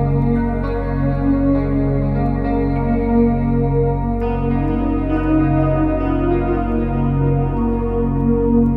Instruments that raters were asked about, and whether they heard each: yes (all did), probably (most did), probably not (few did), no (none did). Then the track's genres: cello: no
Ambient Electronic; Ambient